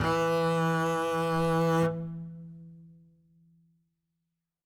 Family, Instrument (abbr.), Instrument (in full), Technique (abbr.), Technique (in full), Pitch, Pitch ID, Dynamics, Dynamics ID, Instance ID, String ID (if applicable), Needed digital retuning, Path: Strings, Cb, Contrabass, ord, ordinario, E3, 52, ff, 4, 0, 1, TRUE, Strings/Contrabass/ordinario/Cb-ord-E3-ff-1c-T12u.wav